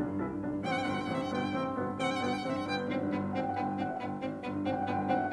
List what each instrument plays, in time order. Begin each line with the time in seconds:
0.00 piano B1 D3 D4
0.12 piano G2
0.24 piano C2 E3 E4
0.35 piano G2
0.44 piano B1 D3 D4
0.55 piano G2
0.64 piano A1 C3 C4, violin F#5
0.71 violin G5
0.75 piano G2
0.80 violin F#5
0.88 piano G1 B2 B3, violin G5
0.94 violin F#5
1.01 piano G2, violin G5
1.11 piano A1 C3 C4, violin F#5
1.20 piano G2, violin E5
1.25 violin F#5
1.34 piano G1 B2 B3, violin G5
1.45 piano G2
1.54 piano A1 C3 C4
1.65 piano G2
1.74 piano G1 B2 B3
1.85 piano G2
1.95 piano A1 C3 C4, violin F#5
2.01 piano G2, violin G5
2.09 violin F#5
2.22 piano G1 B2 B3, violin G5
2.30 violin F#5
2.35 piano G2, violin G5
2.45 piano A1 C3 C4, violin F#5
2.52 piano G2, violin E5
2.59 violin F#5
2.72 piano G1 B2 B3, violin G5
2.82 piano G2
2.93 piano G#1, violin C4
3.03 piano G2
3.17 piano G1, violin B3
3.26 piano G2
3.39 piano G#1 F#5, violin C4
3.46 piano G2 G5
3.53 piano F#5
3.59 piano G1 G5, violin B3
3.66 piano G2 F#5
3.73 piano G5
3.81 piano G#1 F#5, violin C4
3.87 piano E5
3.91 piano G2 F#5
4.04 piano G1 G5, violin B3
4.13 piano G2
4.24 piano G#1, violin C4
4.39 piano G2
4.52 piano G1, violin B3
4.62 piano G2
4.71 piano G#1 F#5, violin C4
4.79 piano G2 G5
4.86 piano F#5
4.93 piano G1 G5, violin B3
5.00 piano G2 F#5
5.07 piano G5
5.14 piano G#1 F#5, violin C4
5.21 piano G2 E5
5.26 piano F#5